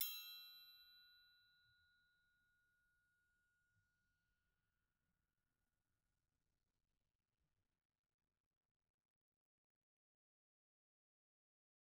<region> pitch_keycenter=65 lokey=65 hikey=65 volume=15.756029 offset=180 lovel=84 hivel=127 seq_position=1 seq_length=2 ampeg_attack=0.004000 ampeg_release=30.000000 sample=Idiophones/Struck Idiophones/Triangles/Triangle3_Hit_v2_rr1_Mid.wav